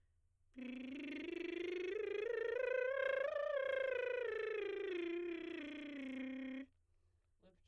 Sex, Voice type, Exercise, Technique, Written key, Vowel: female, soprano, scales, lip trill, , i